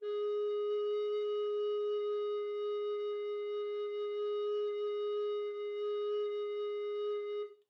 <region> pitch_keycenter=68 lokey=68 hikey=69 tune=-1 volume=7.216500 offset=457 ampeg_attack=0.004000 ampeg_release=0.300000 sample=Aerophones/Edge-blown Aerophones/Baroque Tenor Recorder/Sustain/TenRecorder_Sus_G#3_rr1_Main.wav